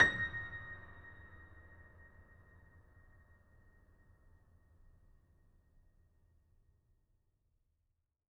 <region> pitch_keycenter=94 lokey=94 hikey=95 volume=0.996393 lovel=66 hivel=99 locc64=65 hicc64=127 ampeg_attack=0.004000 ampeg_release=0.400000 sample=Chordophones/Zithers/Grand Piano, Steinway B/Sus/Piano_Sus_Close_A#6_vl3_rr1.wav